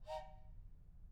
<region> pitch_keycenter=63 lokey=63 hikey=63 volume=15.000000 ampeg_attack=0.004000 ampeg_release=30.000000 sample=Aerophones/Edge-blown Aerophones/Train Whistle, Toy/Main_TrainLow_Short-001.wav